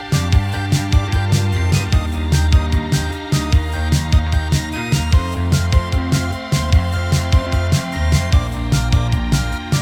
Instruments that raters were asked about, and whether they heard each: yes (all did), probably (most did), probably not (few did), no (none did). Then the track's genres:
cymbals: probably
Soundtrack; Ambient